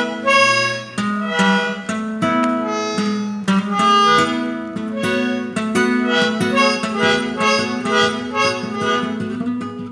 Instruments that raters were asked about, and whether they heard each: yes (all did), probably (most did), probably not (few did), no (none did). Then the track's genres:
accordion: probably
Electronic